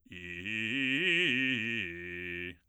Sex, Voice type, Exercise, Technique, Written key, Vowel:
male, bass, arpeggios, fast/articulated forte, F major, i